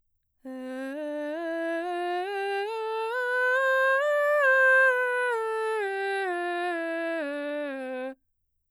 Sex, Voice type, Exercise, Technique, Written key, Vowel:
female, mezzo-soprano, scales, straight tone, , e